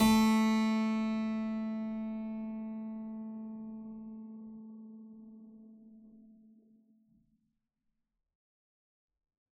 <region> pitch_keycenter=57 lokey=57 hikey=57 volume=-0.606817 trigger=attack ampeg_attack=0.004000 ampeg_release=0.400000 amp_veltrack=0 sample=Chordophones/Zithers/Harpsichord, Unk/Sustains/Harpsi4_Sus_Main_A2_rr1.wav